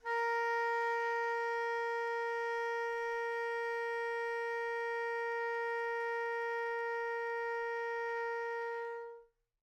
<region> pitch_keycenter=70 lokey=70 hikey=71 volume=18.394528 offset=531 lovel=0 hivel=83 ampeg_attack=0.004000 ampeg_release=0.500000 sample=Aerophones/Reed Aerophones/Tenor Saxophone/Non-Vibrato/Tenor_NV_Main_A#3_vl2_rr1.wav